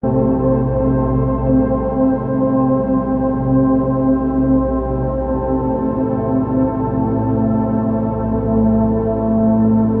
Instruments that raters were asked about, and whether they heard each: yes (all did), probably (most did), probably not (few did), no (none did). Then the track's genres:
trombone: no
Soundtrack; Drone; Ambient